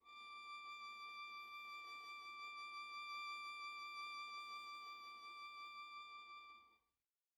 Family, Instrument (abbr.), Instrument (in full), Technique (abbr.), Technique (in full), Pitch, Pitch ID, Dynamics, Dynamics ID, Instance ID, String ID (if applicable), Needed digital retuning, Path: Strings, Va, Viola, ord, ordinario, D6, 86, pp, 0, 0, 1, TRUE, Strings/Viola/ordinario/Va-ord-D6-pp-1c-T11u.wav